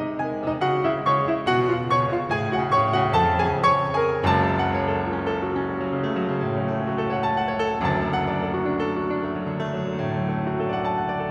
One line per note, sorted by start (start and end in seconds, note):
0.00 0.21 C3
0.00 0.21 D#4
0.00 0.21 D#5
0.10 0.29 G#3
0.21 0.39 C3
0.21 0.62 G#4
0.21 0.62 G#5
0.30 0.49 G#3
0.39 0.62 C3
0.49 0.72 G#3
0.49 0.72 D#4
0.49 0.72 D#5
0.62 0.82 C#3
0.62 0.82 F#4
0.62 0.82 F#5
0.73 0.92 G#3
0.82 1.03 C#3
0.82 1.03 E4
0.82 1.03 E5
0.92 1.14 G#3
1.04 1.21 C#3
1.04 1.21 C#5
1.04 1.21 C#6
1.14 1.30 G#3
1.21 1.40 C#3
1.21 1.40 E4
1.21 1.40 E5
1.31 1.52 G#3
1.40 1.65 B2
1.40 1.65 F#4
1.40 1.65 F#5
1.54 1.80 C#3
1.65 1.88 B2
1.65 1.88 F4
1.65 1.88 F5
1.80 2.00 C#3
1.88 2.11 B2
1.88 2.11 C#5
1.88 2.11 C#6
2.00 2.22 C#3
2.15 2.33 B2
2.15 2.33 F4
2.15 2.33 F5
2.22 2.40 C#3
2.33 2.51 A2
2.33 2.51 G#4
2.33 2.51 G#5
2.41 2.61 C#3
2.52 2.71 A2
2.52 2.71 F#4
2.52 2.71 F#5
2.61 2.79 C#3
2.72 2.88 A2
2.72 2.88 C#5
2.72 2.88 C#6
2.79 3.02 C#3
2.88 3.12 A2
2.88 3.12 F#4
2.88 3.12 F#5
3.02 3.29 C#3
3.12 3.39 F2
3.12 3.39 A4
3.12 3.39 A5
3.29 3.52 C#3
3.40 3.65 F2
3.40 3.65 G#4
3.40 3.65 G#5
3.52 3.78 C#3
3.65 3.92 F2
3.65 3.92 C#5
3.65 3.92 C#6
3.78 4.08 C#3
3.92 4.28 F2
3.92 4.28 G#4
3.92 4.28 G#5
4.09 4.50 C#3
4.30 7.88 F#1
4.30 7.88 C#2
4.30 7.88 F#2
4.30 4.89 A5
4.64 5.04 F#5
4.91 5.18 C#5
5.04 5.29 A4
5.19 5.41 F#4
5.31 5.53 C#4
5.41 5.65 A4
5.53 5.76 F#4
5.65 5.85 C#4
5.76 5.99 A3
5.85 6.11 F#3
5.99 6.23 C#3
6.11 6.30 A3
6.20 6.41 F#3
6.30 6.49 C#3
6.41 6.57 A2
6.49 6.68 C#3
6.57 6.77 F#3
6.68 6.87 A3
6.78 6.98 C#4
6.88 7.15 F#4
7.00 7.26 A4
7.17 7.43 C#5
7.27 7.52 F#5
7.43 7.64 A5
7.52 7.79 F#5
7.64 7.88 C#5
7.79 7.88 A4
7.88 11.30 F#1
7.88 11.30 D2
7.88 11.30 F#2
7.88 8.23 A5
8.05 8.36 F#5
8.24 8.54 D5
8.37 8.68 A4
8.54 8.81 F#4
8.68 8.97 D4
8.82 9.09 A4
8.99 9.22 F#4
9.09 9.35 D4
9.22 9.44 A3
9.35 9.58 F#3
9.45 9.69 D3
9.58 9.75 A3
9.66 9.89 F#3
9.76 10.01 D3
9.90 10.14 A2
10.02 10.26 D3
10.15 10.37 F#3
10.26 10.47 A3
10.37 10.54 D4
10.47 10.63 F#4
10.54 10.73 A4
10.63 10.82 D5
10.73 10.91 F#5
10.82 11.05 A5
10.91 11.15 F#5
11.05 11.30 D5
11.19 11.30 A4